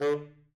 <region> pitch_keycenter=50 lokey=50 hikey=51 tune=13 volume=14.821673 lovel=84 hivel=127 ampeg_attack=0.004000 ampeg_release=1.500000 sample=Aerophones/Reed Aerophones/Tenor Saxophone/Staccato/Tenor_Staccato_Main_D2_vl2_rr4.wav